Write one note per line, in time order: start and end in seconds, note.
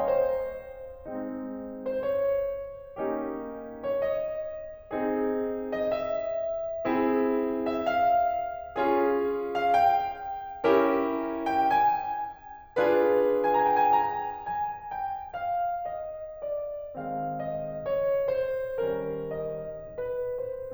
0.00 1.59 C5
1.09 1.97 G#3
1.09 1.97 C4
1.09 1.97 D#4
1.79 1.97 C5
1.97 3.37 C#5
3.02 3.85 A#3
3.02 3.85 C#4
3.02 3.85 D#4
3.02 3.85 G4
3.67 3.85 C#5
3.87 5.32 D#5
4.95 5.86 C4
4.95 5.86 D#4
4.95 5.86 G#4
5.72 5.86 D#5
5.87 7.21 E5
6.86 7.85 C4
6.86 7.85 E4
6.86 7.85 G#4
7.64 7.85 E5
7.86 9.17 F5
8.78 9.73 C#4
8.78 9.73 F4
8.78 9.73 G#4
9.45 9.73 F5
9.74 11.26 G5
10.70 11.63 C#4
10.70 11.63 E4
10.70 11.63 G4
10.70 11.63 A#4
11.47 11.63 G5
11.64 13.43 G#5
12.82 13.96 D4
12.82 13.96 F4
12.82 13.96 G#4
12.82 13.96 B4
13.44 13.71 A#5
13.58 13.85 G#5
13.78 13.96 G5
13.87 14.16 G#5
13.97 14.44 A#5
14.45 14.97 G#5
14.98 15.36 G5
15.37 15.82 F5
15.84 16.42 D#5
16.43 16.94 D5
16.96 17.80 D#3
16.96 17.80 G#3
16.96 17.80 C4
16.96 17.37 F5
17.45 17.80 D#5
17.81 18.23 C#5
18.24 18.97 C5
18.98 19.86 D#3
18.98 19.86 G3
18.98 19.86 C#4
18.98 19.38 A#4
19.39 19.86 D#5
19.88 20.38 B4
20.39 20.72 C5